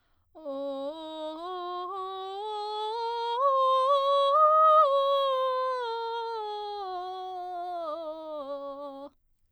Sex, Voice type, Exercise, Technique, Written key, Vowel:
female, soprano, scales, vocal fry, , o